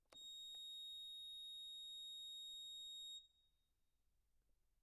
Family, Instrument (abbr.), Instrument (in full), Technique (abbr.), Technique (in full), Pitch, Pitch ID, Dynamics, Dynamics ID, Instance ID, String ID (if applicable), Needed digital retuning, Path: Keyboards, Acc, Accordion, ord, ordinario, A#7, 106, mf, 2, 0, , FALSE, Keyboards/Accordion/ordinario/Acc-ord-A#7-mf-N-N.wav